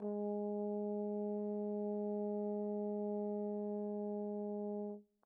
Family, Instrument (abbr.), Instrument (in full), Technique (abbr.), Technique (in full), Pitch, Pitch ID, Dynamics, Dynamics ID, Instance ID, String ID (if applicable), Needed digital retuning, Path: Brass, Tbn, Trombone, ord, ordinario, G#3, 56, pp, 0, 0, , FALSE, Brass/Trombone/ordinario/Tbn-ord-G#3-pp-N-N.wav